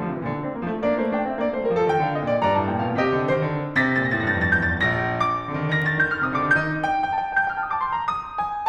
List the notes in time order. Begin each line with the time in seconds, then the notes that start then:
0.00 D3 F3
0.14 C3 D#3
0.24 A#2 D3
0.48 A3 C4
0.60 G3 A#3
0.70 F3 A3
0.87 A#3 D4 D5
1.06 A3 C5
1.18 D4 F5
1.32 C4 D#5
1.45 A#3 D5
1.59 A3 C5
1.71 G3 A#4
1.79 F3 A4
1.90 D#3 G5
2.02 D3 F5
2.14 C3 D#5
2.28 A#2 D5
2.38 G2 D5 A#5
2.54 A2 A5
2.72 A#2 G5
2.84 B2 F5
3.01 C3 G4 D#5
3.15 D3
3.34 D#3 C5
3.55 D3
3.74 C3 A6
3.95 A#6
4.02 A#2 A6
4.06 A#6
4.16 A2 C5 A6
4.21 A#6
4.27 G2 A6
4.35 A#6
4.45 F2 A6
4.50 A#6
4.66 D#2 A6
4.71 A#6
4.76 D2 F5 A6
4.82 A#6
4.89 C2 G6
4.93 A6
4.98 A#1 A#6
5.29 D5
5.51 D3
5.57 D#3
5.62 D3
5.70 D#3
5.78 D3 A#6
5.83 D#3
5.91 D3 A6
5.97 D3 D#3 G6
6.05 D#3
6.12 D3 F6
6.18 D#3
6.33 D3 D#6
6.39 D#3
6.43 C3 D6
6.49 D3
6.56 D#3 D#4 G6
6.84 G4
7.05 G4
7.09 A4
7.16 G4
7.21 A4
7.26 G4 G6
7.36 A4
7.44 G4 F6
7.49 A4
7.56 G4 D#6
7.63 A4
7.71 D6
7.83 A4 C6
7.92 G4 A#5
7.98 A4
8.12 G4 D#6
8.42 G#4